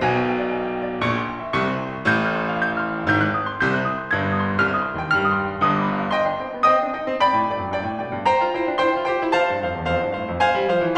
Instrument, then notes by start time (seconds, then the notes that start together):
piano
0.00 B1 B2 G#5
0.12 G5
0.22 F5
0.35 D5
0.48 G#5
0.60 G5
0.73 F5
0.86 D5
1.02 A#1 A#2 C#6
1.16 C6
1.29 G5
1.42 E5
1.53 C2 C3 C#6
1.65 C6
1.76 G5
1.89 E5
2.07 A1 A2 G6
2.23 F6
2.35 C6
2.47 F5
2.59 G6
2.69 F6
2.82 C6
2.94 F5
3.05 G#1 G#2 G6
3.17 F#6
3.34 D#6
3.48 C6
3.62 C2 C3 G6
3.75 F#6
3.87 D#6
3.99 C6
4.14 G1 G2 G#6
4.26 G6
4.38 D#6
4.49 C6
4.61 C2 C3 F6
4.74 D#6
4.84 C6
4.97 D#2 D#3 G5
5.11 G2 G3 F6
5.22 D#6
5.32 C6
5.45 G5
5.55 G1 G2 D#6
5.71 D6
5.84 B5
5.98 F5
6.15 D#5 G5 C6
6.28 D4
6.41 C4 D#5 G5
6.54 B3
6.70 C4 D#5 G5 D#6
6.80 D4
6.92 D#4 D#5 G5
7.06 C4
7.22 D5 G5 B5
7.35 A2
7.47 G2 D5 G5
7.58 F#2
7.70 G2 D5 G5
7.83 A2
7.94 B2 D5 G5
8.09 G2
8.27 C5 G5 A#5
8.38 F4
8.54 E4 C5 G5
8.70 D4
8.85 E4 C5 G5 C6
9.00 F4
9.11 G4 C5 G5
9.23 E4
9.38 C5 A5
9.51 G2
9.64 F2 C5 F5
9.75 E2
9.91 F2 C5 F5
10.04 G2
10.16 A2 C5 F5
10.29 F2
10.44 C5 F5 G#5
10.57 G3
10.68 F3 C5 F5
10.82 E3